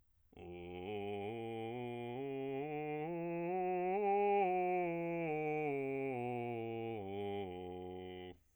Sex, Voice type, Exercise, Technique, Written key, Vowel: male, bass, scales, slow/legato piano, F major, o